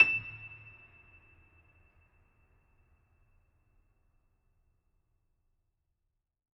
<region> pitch_keycenter=100 lokey=100 hikey=101 volume=0.196502 lovel=66 hivel=99 locc64=65 hicc64=127 ampeg_attack=0.004000 ampeg_release=10.400000 sample=Chordophones/Zithers/Grand Piano, Steinway B/Sus/Piano_Sus_Close_E7_vl3_rr1.wav